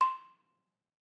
<region> pitch_keycenter=84 lokey=81 hikey=86 volume=6.031491 offset=197 lovel=100 hivel=127 ampeg_attack=0.004000 ampeg_release=30.000000 sample=Idiophones/Struck Idiophones/Balafon/Traditional Mallet/EthnicXylo_tradM_C5_vl3_rr1_Mid.wav